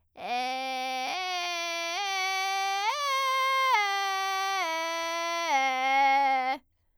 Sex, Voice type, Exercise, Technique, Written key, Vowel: female, soprano, arpeggios, vocal fry, , e